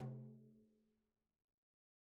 <region> pitch_keycenter=64 lokey=64 hikey=64 volume=27.960777 lovel=0 hivel=83 seq_position=2 seq_length=2 ampeg_attack=0.004000 ampeg_release=15.000000 sample=Membranophones/Struck Membranophones/Frame Drum/HDrumS_Hit_v2_rr2_Sum.wav